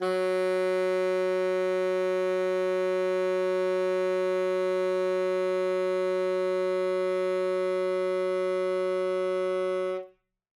<region> pitch_keycenter=54 lokey=54 hikey=55 volume=12.917373 lovel=84 hivel=127 ampeg_attack=0.004000 ampeg_release=0.500000 sample=Aerophones/Reed Aerophones/Tenor Saxophone/Non-Vibrato/Tenor_NV_Main_F#2_vl3_rr1.wav